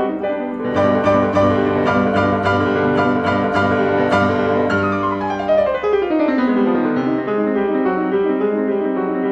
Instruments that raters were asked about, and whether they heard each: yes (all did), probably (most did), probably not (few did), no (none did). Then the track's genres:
piano: yes
Classical